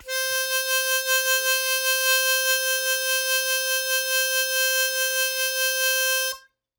<region> pitch_keycenter=72 lokey=71 hikey=74 volume=5.792669 trigger=attack ampeg_attack=0.100000 ampeg_release=0.100000 sample=Aerophones/Free Aerophones/Harmonica-Hohner-Special20-F/Sustains/Vib/Hohner-Special20-F_Vib_C4.wav